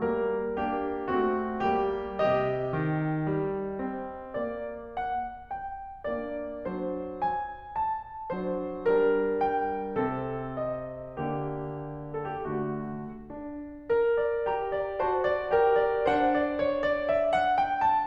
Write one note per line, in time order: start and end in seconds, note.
0.01 0.57 G3
0.01 0.57 A#3
0.01 0.57 A#4
0.59 1.12 A#3
0.59 1.12 D4
0.59 1.12 G4
1.14 1.70 A3
1.14 1.70 C4
1.14 1.70 F#4
1.72 2.30 G3
1.72 2.30 A#3
1.72 2.30 G4
2.32 2.89 C3
2.32 4.39 D#4
2.32 4.39 D#5
2.90 3.31 D#3
3.33 3.86 G3
3.88 4.39 C4
4.42 5.47 A#3
4.42 4.97 D5
5.01 5.47 F#5
5.49 6.08 G5
6.10 6.60 A#3
6.10 6.60 D4
6.10 6.60 D5
6.61 7.56 F#3
6.61 7.56 D4
6.61 7.12 C5
7.12 7.56 G#5
7.58 8.34 A5
8.35 8.88 F#3
8.35 8.88 D4
8.35 8.88 C5
8.89 10.00 G3
8.89 10.00 D4
8.89 9.40 A#4
9.40 10.00 G5
10.03 11.17 C3
10.03 11.17 C4
10.03 10.61 A4
10.64 11.17 D#5
11.19 13.08 D3
11.19 12.45 A#3
11.19 12.12 G4
12.13 12.28 A4
12.29 12.45 G4
12.46 13.08 A3
12.46 13.08 F#4
13.09 13.88 D4
13.89 14.47 A#4
14.18 14.47 D5
14.47 14.99 G4
14.47 14.70 A#5
14.72 14.99 D5
15.01 15.52 F#4
15.01 15.24 C5
15.01 15.24 A5
15.25 15.52 D5
15.53 16.10 G4
15.53 15.77 A#4
15.53 15.77 G5
15.78 16.10 D5
16.11 18.06 D4
16.11 18.06 C5
16.11 16.39 F#5
16.40 16.64 D5
16.64 16.90 C#5
16.91 17.13 D5
17.13 17.34 E5
17.35 17.58 F#5
17.59 17.80 G5
17.80 18.06 A5